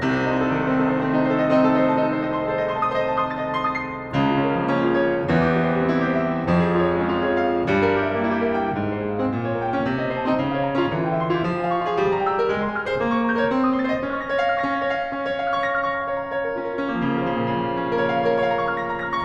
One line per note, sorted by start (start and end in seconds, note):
0.00 0.42 D#4
0.08 0.52 C4
0.26 0.42 D#3
0.34 0.81 A3
0.43 0.95 C4
0.52 0.63 A4
0.63 1.21 D#4
0.81 1.43 A3
0.96 1.51 C4
1.09 1.60 D#4
1.21 1.34 C5
1.35 1.75 A4
1.52 1.93 C4
1.60 2.00 D#4
1.68 2.08 A4
1.76 1.85 D#5
1.85 2.26 C5
2.00 2.43 D#4
2.08 2.51 A4
2.17 2.58 C5
2.26 2.35 A5
2.35 2.76 D#5
2.51 2.93 A4
2.59 3.01 C5
2.68 3.09 D#5
2.76 2.86 C6
2.87 3.24 A5
3.01 3.41 C5
3.09 3.49 D#5
3.17 3.58 A5
3.25 3.33 D#6
3.33 3.75 C6
3.41 3.83 A6
3.51 3.89 D#5
3.58 3.98 A5
3.67 4.06 C6
3.83 4.16 A6
3.90 4.17 D#6
3.98 4.16 C7
4.17 4.71 C#2
4.17 4.71 C#3
4.25 4.71 F4
4.34 4.79 C#4
4.44 4.90 A#4
4.54 4.98 F3
4.63 5.06 A#3
4.71 5.15 C#4
4.90 5.24 A#4
4.98 5.25 F4
5.07 5.24 C#5
5.24 5.91 E2
5.24 5.91 E3
5.35 5.91 G4
5.50 5.99 E4
5.64 6.08 C5
5.75 6.18 G3
5.83 6.26 C4
5.92 6.39 E4
6.08 6.50 C5
6.18 6.50 G4
6.26 6.50 E5
6.50 7.05 F2
6.50 7.05 F3
6.59 7.05 G#4
6.69 7.13 F4
6.77 7.22 C#5
6.86 7.31 G#3
6.94 7.41 C#4
7.05 7.50 F4
7.22 7.63 C#5
7.31 7.64 G#4
7.41 7.63 F5
7.64 8.22 G2
7.64 8.22 G3
7.76 8.22 A#4
7.85 8.30 G4
7.94 8.39 E5
8.02 8.49 A#3
8.10 8.58 E4
8.22 8.67 G4
8.41 8.78 E5
8.49 8.78 A#4
8.58 8.78 G5
8.78 9.20 G#2
8.87 9.31 C5
8.95 9.45 G#4
9.03 9.56 F5
9.11 9.64 G#3
9.20 9.72 C4
9.31 9.80 A#2
9.45 9.86 C#5
9.56 9.96 A#4
9.65 10.04 G5
9.72 10.14 A#3
9.80 10.22 C#4
9.88 10.30 C3
9.96 10.40 D#5
10.05 10.48 C5
10.14 10.58 A5
10.22 10.65 C4
10.31 10.69 D#4
10.40 10.77 C#3
10.48 10.86 F5
10.58 10.92 C#5
10.65 11.02 A#5
10.70 11.11 C#4
10.77 11.22 F4
10.86 11.31 E3
10.94 11.42 G5
11.02 11.52 E5
11.12 11.60 C6
11.22 11.67 E4
11.31 11.76 G4
11.44 11.83 F3
11.52 11.95 G#5
11.60 12.03 F5
11.68 12.12 C#6
11.76 12.21 F4
11.84 12.31 G#4
11.95 12.42 G3
12.03 12.52 A#5
12.13 12.60 G5
12.21 12.69 E6
12.31 12.77 G4
12.42 12.84 A#4
12.52 12.93 G#3
12.61 13.00 C6
12.69 13.11 G#5
12.77 13.19 F6
12.85 13.26 G#4
12.93 13.35 C5
13.03 13.43 A#3
13.11 13.53 C#6
13.19 13.61 A#5
13.27 13.65 G6
13.35 13.75 A#4
13.43 13.82 C#5
13.53 13.96 C4
13.61 14.05 D#6
13.66 14.11 C6
13.75 14.19 A6
13.82 14.28 C5
13.97 14.34 D#5
14.05 14.43 C#4
14.11 14.49 F6
14.19 14.56 C#6
14.28 14.64 A#6
14.35 14.73 C#5
14.43 14.83 F5
14.49 14.91 C#4
14.56 15.10 F6
14.64 15.56 C#6
14.74 15.12 A#6
14.83 15.10 C#5
14.91 15.10 F5
15.12 16.70 C#4
15.20 16.78 C#5
15.29 16.85 F5
15.39 15.72 F6
15.56 15.80 C#6
15.66 15.96 A#6
15.73 16.04 F6
15.80 16.04 C#6
15.89 16.14 A#5
15.96 16.21 F5
16.06 16.28 C#5
16.14 16.38 A#5
16.21 16.47 F5
16.29 16.59 C#5
16.38 16.70 A#4
16.47 16.78 F4
16.59 16.85 C#4
16.70 16.92 A#4
16.79 17.00 F4
16.85 17.10 C#4
16.92 17.19 A#3
17.01 17.40 F3
17.10 17.48 C#3
17.21 17.40 A#3
17.29 17.40 F3
17.35 17.48 C#3
17.41 17.74 A#2
17.48 17.74 C#3
17.57 17.82 F3
17.66 19.04 A#3
17.74 18.01 C#4
17.83 18.08 F4
17.93 18.17 A#4
18.01 18.17 C#5
18.09 18.32 F5
18.17 18.32 C#5
18.24 18.48 A#4
18.32 18.54 C#5
18.41 18.62 F5
18.49 18.62 A#5
18.54 18.75 C#6
18.62 18.83 A#5
18.69 18.94 F6
18.75 19.04 C#6
18.84 19.12 A#6
18.94 19.25 F6
19.04 19.25 C#6
19.13 19.25 A#5